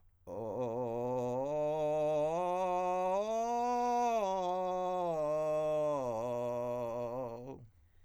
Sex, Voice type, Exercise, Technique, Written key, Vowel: male, countertenor, arpeggios, vocal fry, , o